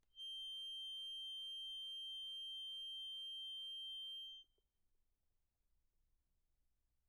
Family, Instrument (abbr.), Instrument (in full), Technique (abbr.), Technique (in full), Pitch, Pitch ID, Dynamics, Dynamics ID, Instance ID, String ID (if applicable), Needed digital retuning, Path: Keyboards, Acc, Accordion, ord, ordinario, G7, 103, pp, 0, 0, , FALSE, Keyboards/Accordion/ordinario/Acc-ord-G7-pp-N-N.wav